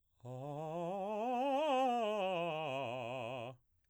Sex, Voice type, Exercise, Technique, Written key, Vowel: male, baritone, scales, fast/articulated piano, C major, a